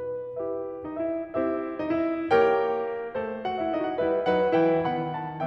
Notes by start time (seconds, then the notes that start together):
0.00 B4
0.36 E4 G4 B4 E5
0.84 D#4 D#5
0.98 E4 E5
1.31 C4 E4 G4 C5 E5
1.79 D#4 D#5
1.94 E4 E5
2.30 A#3 G4 A#4 C#5 G5
3.16 A3 A4 C5
3.45 F#4 F#5
3.60 E4 E5
3.75 D#4 D#5
3.91 F#4 F#5
4.06 G3 E4 B4 E5
4.30 F#3 D#4 B4 F#5
4.59 E3 E4 B4 G5
4.85 D#3 B3 F#5 B5
5.17 A5